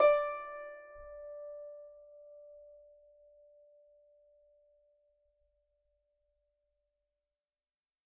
<region> pitch_keycenter=74 lokey=74 hikey=75 tune=-5 volume=2.742931 xfin_lovel=70 xfin_hivel=100 ampeg_attack=0.004000 ampeg_release=30.000000 sample=Chordophones/Composite Chordophones/Folk Harp/Harp_Normal_D4_v3_RR1.wav